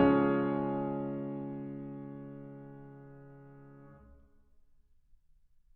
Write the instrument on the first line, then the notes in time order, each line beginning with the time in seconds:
piano
0.00 C#3 D#3 F3 G#3 C#4 G#4 C#5